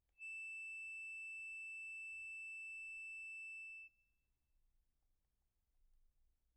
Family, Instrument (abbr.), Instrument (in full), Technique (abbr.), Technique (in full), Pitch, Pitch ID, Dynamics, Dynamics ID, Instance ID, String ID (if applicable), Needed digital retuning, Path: Keyboards, Acc, Accordion, ord, ordinario, E7, 100, pp, 0, 1, , FALSE, Keyboards/Accordion/ordinario/Acc-ord-E7-pp-alt1-N.wav